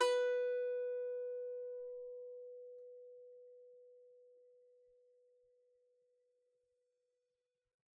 <region> pitch_keycenter=71 lokey=71 hikey=72 volume=1.013261 lovel=66 hivel=99 ampeg_attack=0.004000 ampeg_release=15.000000 sample=Chordophones/Composite Chordophones/Strumstick/Finger/Strumstick_Finger_Str3_Main_B3_vl2_rr1.wav